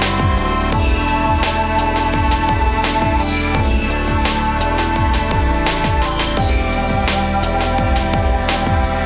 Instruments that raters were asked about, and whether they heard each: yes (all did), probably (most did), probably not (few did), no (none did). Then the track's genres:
organ: no
IDM; Trip-Hop; Downtempo